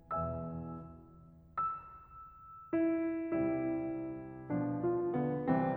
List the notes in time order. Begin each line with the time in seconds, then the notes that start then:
0.36 E2 B2 E3 E5 G#5 E6
1.65 E6
2.75 E4
3.27 C2 C3 G3 E4
4.50 F3 D4
4.82 F4
5.14 B3
5.49 C2 C3 E3 C4